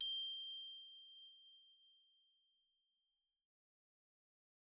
<region> pitch_keycenter=91 lokey=88 hikey=91 volume=20.652157 offset=102 xfin_lovel=0 xfin_hivel=127 ampeg_attack=0.004000 ampeg_release=15.000000 sample=Idiophones/Struck Idiophones/Glockenspiel/glock_medium_G6_01.wav